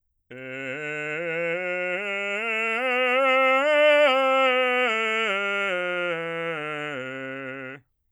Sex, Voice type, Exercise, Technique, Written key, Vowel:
male, bass, scales, slow/legato forte, C major, e